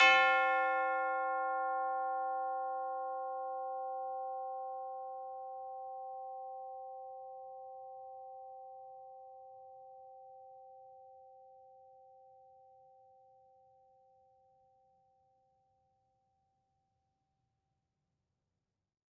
<region> pitch_keycenter=60 lokey=60 hikey=61 volume=8.123357 lovel=84 hivel=127 ampeg_attack=0.004000 ampeg_release=30.000000 sample=Idiophones/Struck Idiophones/Tubular Bells 2/TB_hit_C4_v4_1.wav